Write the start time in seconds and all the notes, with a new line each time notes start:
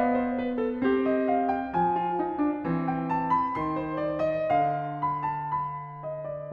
0.00 B3 D5 F5
0.17 C5
0.38 B4
0.58 A4
0.85 C4 G4
1.11 D#5
1.31 F5
1.52 G5
1.72 F3 G#5
2.01 F4
2.18 D#4
2.36 D4
2.65 E3 C4
2.90 G5
3.18 A5
3.39 B5
3.58 D#3 C6
3.87 C5
4.03 D5
4.28 E5
4.50 D3 F5
5.03 B5
5.26 A5
5.68 B5
6.15 D#5
6.34 D5